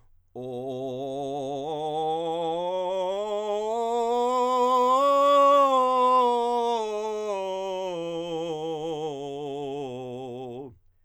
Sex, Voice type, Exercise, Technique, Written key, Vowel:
male, countertenor, scales, belt, , o